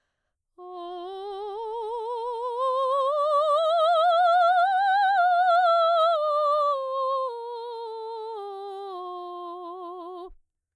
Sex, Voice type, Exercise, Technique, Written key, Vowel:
female, soprano, scales, slow/legato piano, F major, o